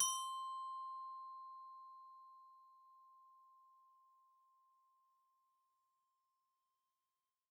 <region> pitch_keycenter=72 lokey=70 hikey=75 volume=15.700447 xfin_lovel=84 xfin_hivel=127 ampeg_attack=0.004000 ampeg_release=15.000000 sample=Idiophones/Struck Idiophones/Glockenspiel/glock_loud_C5_01.wav